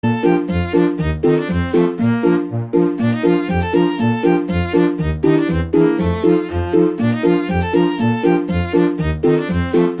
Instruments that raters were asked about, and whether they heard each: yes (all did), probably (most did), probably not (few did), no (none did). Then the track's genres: accordion: no
clarinet: no
saxophone: probably not
Chiptune; Chip Music